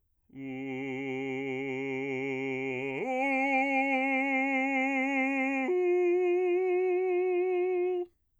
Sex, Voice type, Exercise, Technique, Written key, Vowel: male, bass, long tones, full voice forte, , u